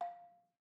<region> pitch_keycenter=77 lokey=75 hikey=80 volume=14.333741 offset=206 lovel=66 hivel=99 ampeg_attack=0.004000 ampeg_release=30.000000 sample=Idiophones/Struck Idiophones/Balafon/Soft Mallet/EthnicXylo_softM_F4_vl2_rr1_Mid.wav